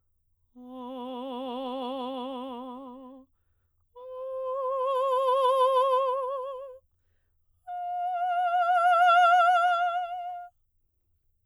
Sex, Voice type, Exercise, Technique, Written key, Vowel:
female, soprano, long tones, messa di voce, , o